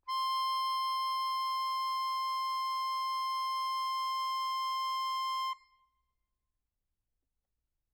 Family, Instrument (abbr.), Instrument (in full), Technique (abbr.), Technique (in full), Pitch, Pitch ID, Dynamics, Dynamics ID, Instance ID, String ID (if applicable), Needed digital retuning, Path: Keyboards, Acc, Accordion, ord, ordinario, C6, 84, mf, 2, 3, , FALSE, Keyboards/Accordion/ordinario/Acc-ord-C6-mf-alt3-N.wav